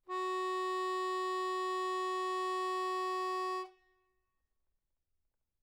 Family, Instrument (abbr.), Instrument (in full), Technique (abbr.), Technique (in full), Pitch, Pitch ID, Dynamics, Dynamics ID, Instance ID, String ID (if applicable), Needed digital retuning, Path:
Keyboards, Acc, Accordion, ord, ordinario, F#4, 66, mf, 2, 2, , FALSE, Keyboards/Accordion/ordinario/Acc-ord-F#4-mf-alt2-N.wav